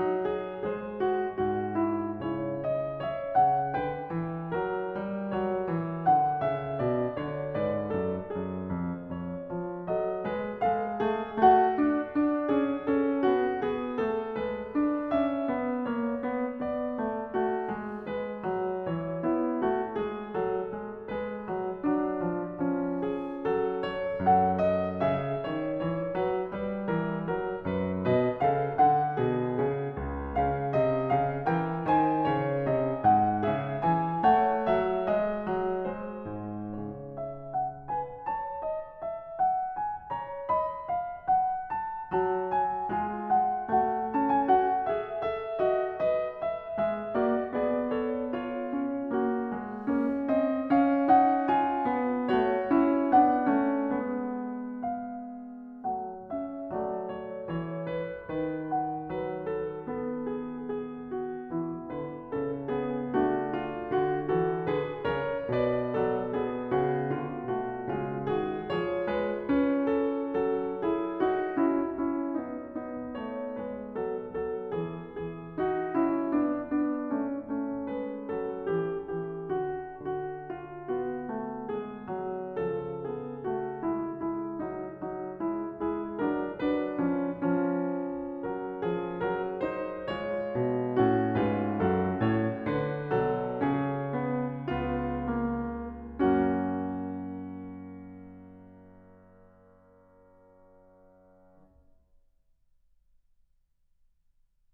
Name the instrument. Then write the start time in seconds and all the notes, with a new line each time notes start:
piano
0.00 F#3 D#4
0.26 G#4
0.71 G#3 G#4 C5
1.06 F#4
1.38 G#2 F#4
1.82 E4
2.19 C#3 E4 C#5
2.65 D#5
2.96 C#5 E5
3.34 C#3 F#5
3.70 D3 B4 G5
4.12 E3
4.50 F#3 A#4
4.88 G3
5.47 F#3 C#5
5.75 E3
6.07 D3 F#5
6.48 C#3 E5
6.80 B2 D5
7.17 D3 C#5
7.56 G#2 B4 D5
7.95 F#2 A4
8.20 F#2 G#4
8.54 F2
9.10 F2 C#5
9.51 F3
9.88 F#3 D#5
9.94 A4
10.24 G#3 B4
10.62 G#3 A4 F5
11.17 A3 G#4
11.46 A3 F#4 F#5
11.80 D4
12.20 D4
12.52 C#4 G#4
12.85 C#4 A4
13.26 B3 F#4
13.69 B3 G#4
13.98 A3 A4
14.37 G#3 B4
14.73 D4
15.15 C#4 E5
15.50 B3
15.86 A#3 C#5
16.15 B3
16.67 B3 D5
17.00 A3
17.37 A3 F#4
17.66 G#3
18.12 G#3 B4
18.43 F#3
18.80 E3 C#5
19.23 B3 E4
19.61 A3 F#4
19.97 G#3 G#4
20.50 F#3 A4
20.83 G#3
21.10 G#3 B4
21.50 F#3
21.82 F#3 D4
22.29 F3
22.67 F3 C#4
23.03 G#4
23.46 A4
23.56 F#3
23.82 C#5
24.21 F#2 A4 F#5
24.57 D#5
25.03 C#3 G#4 E5
25.46 D#3 C#5
25.84 E3 C#5
26.16 F#3 B4
26.53 G3 B4
26.97 E3 A#4
27.31 F#3 A#4
27.68 F#2 B4
28.10 B2 B4 D#5
28.40 C#3 A4 F5
28.78 D3 A4 F#5
29.13 B2 G#4
29.58 C#3 G#4
30.04 C#2
30.42 C#3 F5
30.73 C3 D#5
31.11 C#3 F5
31.50 E3 A#4 G5
31.87 D#3 C5 G#5
32.37 C#3 C#5
32.69 C3 D#5
33.02 G#2 F#5
33.47 C#3 G#4 E5
33.82 E3 G#5
34.26 A3 C#5 F#5
34.64 F#3 E5
35.07 G#3 D#5
35.47 F#3
35.87 G#3 C5
36.29 G#2
36.86 C#3 C#5
37.21 E5
37.56 F#5
37.89 B4 G#5
38.28 A5
38.37 C#5
38.72 D#5
39.04 E5
39.40 F#5
39.69 G#5
40.11 C#5 A#5
40.46 D#5 B5
40.91 F5
41.31 F#5
41.78 A5
42.17 F#3 F#4 A5
42.54 G#5
42.97 G#3 F4 G#5
43.32 F#5
43.84 A3 F#4 F#5
44.16 C#4 A5
44.30 G#5
44.48 F#4 F#5
44.87 G#4 E5
45.20 A4 E5
45.59 F#4 D#5
46.07 A4 D#5
46.39 E5
46.80 G#3 E5
47.16 A#3 F#4 D5
47.61 B3 G#4 D5
47.89 A4 C#5
48.33 F4 C#5
48.77 C#4
49.09 A#3 F#4
49.52 G#3
49.88 A#3 C#4
50.28 C4 D#5
50.72 C#4 F5
51.08 D#4 F#5
51.49 F4 G#5
51.86 B3
52.27 A3 F#4 C#5
52.70 C#4 E4
53.20 B3 D4 F#5
53.53 A3 C#4
53.99 G#3 B3
54.95 F5
55.99 F#3 A3 F#5
56.31 C#4 E5
56.75 F#3 A3 F#4 D5
57.04 C#5
57.39 E3 C#5
57.93 B4
58.20 D#3 B4
58.71 F#5
59.11 F#3 B4
59.42 A4
59.86 B3 A4
60.31 G#4
60.69 G#4
61.17 F#4
61.50 E3 E4
61.90 D3 B4
62.37 C#3 C#4 A4
62.69 B3 G#4
63.10 A3 D4 F#4
63.61 F4
63.96 D3 F#4
64.31 A4
64.38 E3 F#4
64.67 D3 G#4 B4
65.05 C#3 A#4 C#5
65.57 B2 B4 D5
65.96 F#3 A4
66.34 B3 G#4
66.73 C#3 F#4
67.11 D3 F4
67.49 B2 A3 F#4
67.86 C#3 G#3 F4
68.19 D#3 G#4
68.23 F#4
68.60 F3 G#4 C#5
69.02 B4
69.08 G#3
69.46 C#4 B4
69.86 A4
70.51 F#3 A4
70.84 E4 G#4
71.18 D#4 F#4
71.59 C#4 E4
71.99 C#4 E4
72.45 B3 D#4
72.72 B3 D#4
73.14 A3 C#5
73.56 G#3 B4
74.11 F#3 A4
74.40 F#3 A4
74.79 E3 G#4
75.16 E3 G#4
75.59 D4 F#4
76.01 C#4 E4
76.35 B3
76.44 D4
76.83 B3
76.88 D4
77.15 A3 C#4
77.42 A3 C#4
77.96 G#3 B4
78.40 F#3 A4
78.73 E3 G4
79.10 E3 G4
79.46 D3 F#4
79.93 D3 F#4
80.50 F4
80.90 B3 F#4
81.28 A3
81.57 G#3 G#4
82.27 F#3
82.56 C#3 F3 A4
83.07 B3 G#4
83.43 A3 F#4
83.80 G#3 E4
84.20 G#3 E4
84.63 F#3 D#4
85.09 F#3 D#4
85.41 G#3
85.50 E4
85.77 G#3 G#4
85.82 E4
86.18 F#3 A#4
86.29 D4
86.69 F#3 B4
86.74 D4
87.04 F3 C#4
87.38 F3 C#4
88.44 F#3 A#4
88.83 F3 G#4
89.25 F#3 A#4
89.56 C5
89.69 D#4
90.06 G#3 C#5
90.13 E4
90.36 B2
90.87 A2 C#4
90.92 F#4
91.35 G#2 B4
91.44 E4
91.68 F#2 F#4 A4
92.16 A2 C#5
92.61 D3 B4
93.16 B2 F#3 A4
93.56 C#3 G#4
93.69 C#4
94.20 B3
94.61 C#2 B3 F4
95.32 A#3
95.93 F#2 A#3 F#4
95.99 F#4